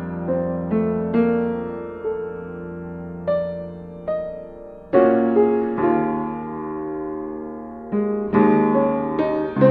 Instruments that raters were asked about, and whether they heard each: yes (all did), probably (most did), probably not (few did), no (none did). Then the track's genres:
piano: yes
drums: no
Electronic; Experimental Pop